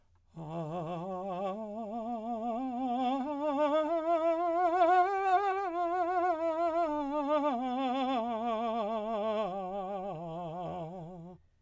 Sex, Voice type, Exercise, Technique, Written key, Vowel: male, , scales, slow/legato piano, F major, a